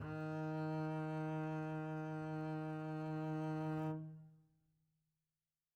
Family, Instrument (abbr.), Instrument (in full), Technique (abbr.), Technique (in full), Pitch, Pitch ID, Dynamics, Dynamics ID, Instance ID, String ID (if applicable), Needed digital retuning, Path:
Strings, Cb, Contrabass, ord, ordinario, D#3, 51, mf, 2, 1, 2, FALSE, Strings/Contrabass/ordinario/Cb-ord-D#3-mf-2c-N.wav